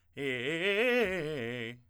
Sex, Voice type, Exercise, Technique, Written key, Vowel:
male, tenor, arpeggios, fast/articulated forte, C major, e